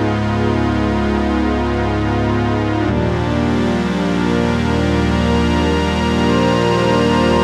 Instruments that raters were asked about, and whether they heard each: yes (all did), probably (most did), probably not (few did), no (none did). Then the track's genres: voice: no
synthesizer: yes
Avant-Garde; Experimental